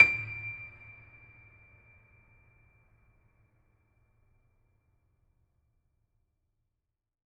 <region> pitch_keycenter=98 lokey=98 hikey=99 volume=2.124038 lovel=100 hivel=127 locc64=65 hicc64=127 ampeg_attack=0.004000 ampeg_release=0.400000 sample=Chordophones/Zithers/Grand Piano, Steinway B/Sus/Piano_Sus_Close_D7_vl4_rr1.wav